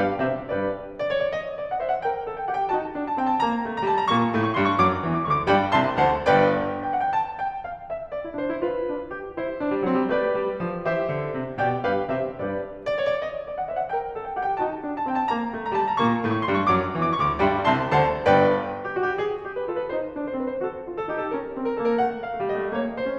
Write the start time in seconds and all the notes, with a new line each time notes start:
0.00 G2 G4 B4 F5
0.26 C3 G4 C5 E5
0.50 G2 G4 B4 D5
0.96 D5
1.07 C#5
1.25 D5
1.36 D#5
1.60 D5
1.72 F#5
1.81 C5 E5
1.93 F#5
2.04 A#4 G5
2.26 A4
2.37 G5
2.48 G4 F#5
2.60 G5
2.73 D#4 F#4 A5
2.95 D4
3.07 A5
3.19 C4 G5
3.31 A5
3.45 A#3 A#5
3.66 A3
3.78 A#5
3.89 G3 A5
4.01 A#5
4.11 A#2 A#3 C#6
4.35 A2 A3
4.45 C#6
4.56 G2 G3 C6
4.69 C#6
4.81 F#2 F#3 D6
5.05 E2 E3
5.17 D6
5.28 D2 D3 C#6
5.40 D6
5.48 G2 G3 D5 G5 B5
5.72 C2 C3 E5 A5 C6
5.98 D2 D3 C5 F#5 A5
6.30 G1 G2 B4 D5 G5
6.82 G5
6.93 F#5
7.04 G5
7.12 A5
7.42 G5
7.64 F5
7.85 E5
8.12 D5
8.23 E4
8.32 D4 C5
8.50 E4
8.61 F4 B4
8.86 D4
9.11 G4
9.32 E4 C5
9.59 D4
9.71 G3
9.83 F#3 C4
9.94 G3
10.07 A3 G4 B4 D5
10.33 G3
10.62 F3
10.86 E3 G4 C5 E5
11.11 D3
11.37 C3
11.62 B2 G4 D5 G5
11.84 G2 G4 B4 F5
12.11 C3 G4 C5 E5
12.33 G2 G4 B4 D5
12.82 D5
12.96 C#5
13.07 D5
13.22 D#5
13.46 D5
13.58 F#5
13.68 C5 E5
13.79 F#5
13.90 A#4 G5
14.13 A4
14.26 G5
14.36 G4 F#5
14.48 G5
14.59 D#4 F#4 A5
14.84 D4
14.98 A5
15.08 C4 G5
15.19 A5
15.29 A#3 A#5
15.51 A3
15.63 A#5
15.77 G3 A5
15.91 A#5
16.04 A#2 A#3 C#6
16.29 A2 A3
16.37 C#6
16.46 G2 G3 C6
16.58 C#6
16.70 F#2 F#3 D6
16.92 E2 E3
17.03 D6
17.14 D2 D3 C#6
17.24 D6
17.37 G2 G3 D5 G5 B5
17.59 C2 C3 E5 A5 C6
17.88 D2 D3 C5 F#5 A5
18.33 G1 G2 B4 D5 G5
18.84 G4
18.95 F#4
19.06 G4
19.21 G#4
19.47 G4
19.53 B4
19.64 F4 A4
19.77 B4
19.90 D#4 C5
20.12 D4
20.25 C5
20.34 C4 B4
20.47 C5
20.58 F#4 A4
20.89 F4
20.99 A4
21.10 D#4 G4
21.21 A4
21.33 C#4 A#4
21.56 C4
21.68 A#4
21.82 A#3 A4
21.95 A#4
22.07 A3 F#5
22.27 F5
22.36 A3
22.45 G3 D#5
22.57 A3
22.72 A#3 C#5
22.96 C5
23.06 C#4